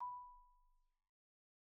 <region> pitch_keycenter=83 lokey=82 hikey=86 volume=23.379722 offset=31 xfin_lovel=0 xfin_hivel=83 xfout_lovel=84 xfout_hivel=127 ampeg_attack=0.004000 ampeg_release=15.000000 sample=Idiophones/Struck Idiophones/Marimba/Marimba_hit_Outrigger_B4_med_01.wav